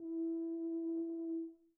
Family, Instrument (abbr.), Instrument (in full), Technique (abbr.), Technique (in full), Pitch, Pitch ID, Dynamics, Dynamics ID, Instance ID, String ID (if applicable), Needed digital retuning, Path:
Brass, BTb, Bass Tuba, ord, ordinario, E4, 64, pp, 0, 0, , FALSE, Brass/Bass_Tuba/ordinario/BTb-ord-E4-pp-N-N.wav